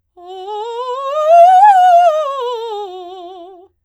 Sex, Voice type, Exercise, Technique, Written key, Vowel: female, soprano, scales, fast/articulated forte, F major, o